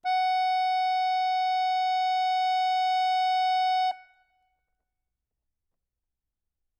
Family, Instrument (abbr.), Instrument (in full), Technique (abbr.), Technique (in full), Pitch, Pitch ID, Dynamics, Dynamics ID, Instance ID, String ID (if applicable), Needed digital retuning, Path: Keyboards, Acc, Accordion, ord, ordinario, F#5, 78, ff, 4, 2, , FALSE, Keyboards/Accordion/ordinario/Acc-ord-F#5-ff-alt2-N.wav